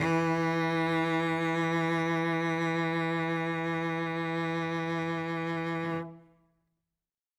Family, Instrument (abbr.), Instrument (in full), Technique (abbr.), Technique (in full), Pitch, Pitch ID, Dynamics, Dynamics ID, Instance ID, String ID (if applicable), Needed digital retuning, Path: Strings, Vc, Cello, ord, ordinario, E3, 52, ff, 4, 2, 3, TRUE, Strings/Violoncello/ordinario/Vc-ord-E3-ff-3c-T11d.wav